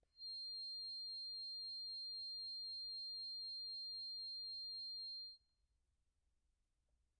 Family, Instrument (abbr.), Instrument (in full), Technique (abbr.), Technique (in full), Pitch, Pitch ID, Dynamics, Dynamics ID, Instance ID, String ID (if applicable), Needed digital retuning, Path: Keyboards, Acc, Accordion, ord, ordinario, C8, 108, pp, 0, 0, , FALSE, Keyboards/Accordion/ordinario/Acc-ord-C8-pp-N-N.wav